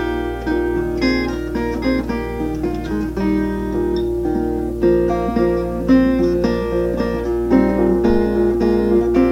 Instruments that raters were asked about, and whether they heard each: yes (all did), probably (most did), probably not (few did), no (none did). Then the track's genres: saxophone: no
guitar: yes
mallet percussion: no
trombone: no
Folk